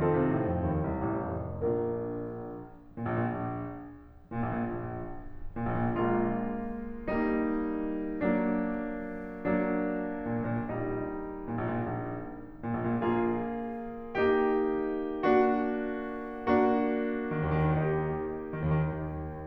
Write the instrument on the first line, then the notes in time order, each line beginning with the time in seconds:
piano
0.00 D#3 C4 D#4 F4 A4
0.14 C3
0.33 A2
0.50 F2
0.70 D#2
0.94 C2
1.14 A1
1.37 F1
1.64 A#1 A#3 D4 F4 A#4
2.66 A#2
2.77 A#1
3.00 A#2
3.12 A#1
4.32 A#2
4.43 A#1
4.53 A#2
4.62 A#1
5.56 A#2
5.69 A#1
5.79 A#2
5.89 A#1 G#3 A#3 F4
7.08 G3 A#3 D#4
8.27 F#3 A#3 D4
9.43 F#3 A#3 D4
10.26 A#2
10.43 A#1
10.54 A#2
10.66 A#1 G3 A#3 D#4
11.47 A#2
11.60 A#1
11.68 A#2
11.76 A#1
12.63 A#2
12.74 A#1
12.85 A#2
12.96 A#1 A#3 F4 G#4
14.08 A#3 D#4 G4
15.22 A#3 D4 F#4
16.39 A#3 D4 F#4
17.38 D#3
17.47 D#2
17.57 D#3
17.68 D#2 D#4 G4
18.52 D#3
18.62 D#2
18.69 D#3
18.77 D#2